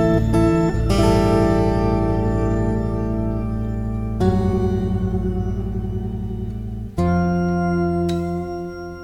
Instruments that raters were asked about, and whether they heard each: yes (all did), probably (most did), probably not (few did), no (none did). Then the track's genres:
ukulele: no
mandolin: no
Rock; Noise